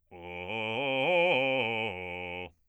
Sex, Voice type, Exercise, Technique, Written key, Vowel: male, bass, arpeggios, fast/articulated forte, F major, o